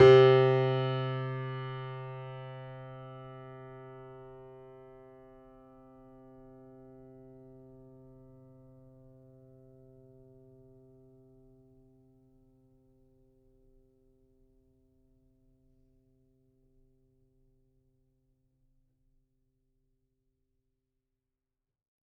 <region> pitch_keycenter=48 lokey=48 hikey=49 volume=-0.981885 lovel=100 hivel=127 locc64=0 hicc64=64 ampeg_attack=0.004000 ampeg_release=0.400000 sample=Chordophones/Zithers/Grand Piano, Steinway B/NoSus/Piano_NoSus_Close_C3_vl4_rr1.wav